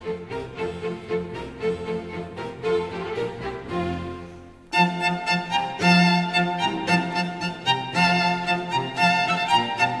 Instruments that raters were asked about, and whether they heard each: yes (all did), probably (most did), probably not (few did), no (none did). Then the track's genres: guitar: no
violin: yes
Classical